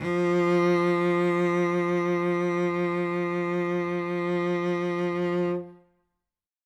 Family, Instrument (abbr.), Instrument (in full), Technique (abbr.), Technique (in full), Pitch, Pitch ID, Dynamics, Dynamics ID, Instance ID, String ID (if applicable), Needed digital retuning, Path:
Strings, Vc, Cello, ord, ordinario, F3, 53, ff, 4, 2, 3, TRUE, Strings/Violoncello/ordinario/Vc-ord-F3-ff-3c-T17d.wav